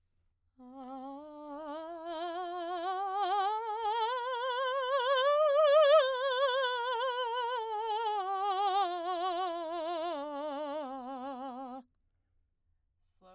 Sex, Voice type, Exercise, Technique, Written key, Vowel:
female, soprano, scales, slow/legato piano, C major, a